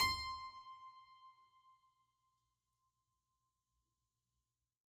<region> pitch_keycenter=84 lokey=84 hikey=84 volume=5.325038 trigger=attack ampeg_attack=0.004000 ampeg_release=0.400000 amp_veltrack=0 sample=Chordophones/Zithers/Harpsichord, French/Sustains/Harpsi2_Normal_C5_rr1_Main.wav